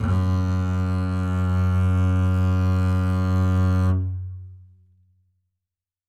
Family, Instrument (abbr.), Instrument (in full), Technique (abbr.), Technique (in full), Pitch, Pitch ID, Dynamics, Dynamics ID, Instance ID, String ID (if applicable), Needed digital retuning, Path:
Strings, Cb, Contrabass, ord, ordinario, F#2, 42, ff, 4, 1, 2, FALSE, Strings/Contrabass/ordinario/Cb-ord-F#2-ff-2c-N.wav